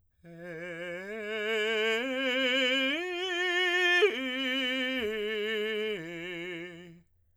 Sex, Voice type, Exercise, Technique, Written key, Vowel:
male, tenor, arpeggios, slow/legato piano, F major, e